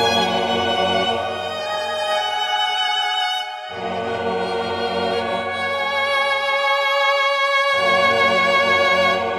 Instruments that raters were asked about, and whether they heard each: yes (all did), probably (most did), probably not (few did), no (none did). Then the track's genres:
violin: yes
Experimental; Ambient